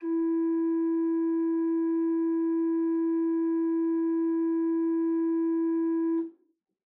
<region> pitch_keycenter=52 lokey=52 hikey=53 offset=151 ampeg_attack=0.004000 ampeg_release=0.300000 amp_veltrack=0 sample=Aerophones/Edge-blown Aerophones/Renaissance Organ/4'/RenOrgan_4foot_Room_E2_rr1.wav